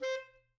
<region> pitch_keycenter=72 lokey=72 hikey=73 volume=20.185497 lovel=0 hivel=83 ampeg_attack=0.004000 ampeg_release=1.500000 sample=Aerophones/Reed Aerophones/Tenor Saxophone/Staccato/Tenor_Staccato_Main_C4_vl1_rr7.wav